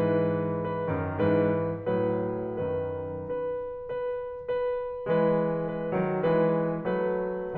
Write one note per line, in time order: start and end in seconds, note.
0.00 0.84 G#2
0.00 0.84 E3
0.00 0.58 B4
0.59 1.17 B4
0.86 1.17 F#2
0.86 1.17 D#3
1.22 1.85 G#2
1.22 1.85 E3
1.22 1.85 B4
1.86 2.57 A2
1.86 2.57 F#3
1.86 2.57 B4
2.59 3.55 F#2
2.59 3.55 D#3
2.59 3.08 B4
3.09 3.55 B4
3.56 4.47 B4
4.49 5.07 B4
5.10 5.90 E3
5.10 5.90 G#3
5.10 5.58 B4
5.60 6.28 B4
5.92 6.28 D#3
5.92 6.28 F#3
6.30 6.84 E3
6.30 6.84 G#3
6.30 6.84 B4
6.86 7.57 F#3
6.86 7.57 A3
6.86 7.57 B4